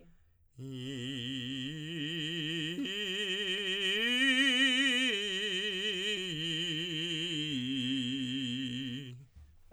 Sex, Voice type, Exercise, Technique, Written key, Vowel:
male, tenor, arpeggios, vibrato, , i